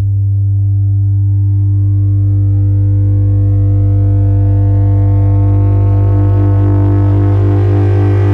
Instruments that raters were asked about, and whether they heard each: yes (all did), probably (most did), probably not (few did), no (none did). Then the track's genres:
mallet percussion: no
bass: probably not
mandolin: no
violin: no
Electronic